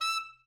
<region> pitch_keycenter=88 lokey=88 hikey=89 tune=-2 volume=12.863302 offset=7 ampeg_attack=0.004000 ampeg_release=1.500000 sample=Aerophones/Reed Aerophones/Tenor Saxophone/Staccato/Tenor_Staccato_Main_E5_vl2_rr1.wav